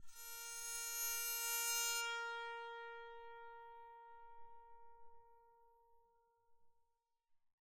<region> pitch_keycenter=70 lokey=67 hikey=71 tune=-1 volume=23.434067 offset=1302 ampeg_attack=0.004000 ampeg_release=2.000000 sample=Chordophones/Zithers/Psaltery, Bowed and Plucked/LongBow/BowedPsaltery_A#3_Main_LongBow_rr2.wav